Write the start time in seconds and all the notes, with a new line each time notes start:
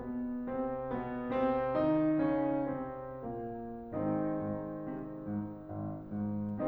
0.01 B2 B3
0.47 C3 C4
0.83 B2 B3
1.27 C3 C4
1.72 D#3 D#4
2.28 C#3 C#4
2.77 C3 C4
3.35 A#2 A#3
3.93 G#1 D#3 G#3 C4 D#4
4.38 G#2
4.93 C3
5.25 G#2
5.65 G#1
6.08 G#2